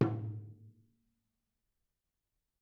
<region> pitch_keycenter=62 lokey=62 hikey=62 volume=14.653155 offset=283 lovel=66 hivel=99 seq_position=2 seq_length=2 ampeg_attack=0.004000 ampeg_release=30.000000 sample=Membranophones/Struck Membranophones/Tom 1/Mallet/TomH_HitM_v3_rr2_Mid.wav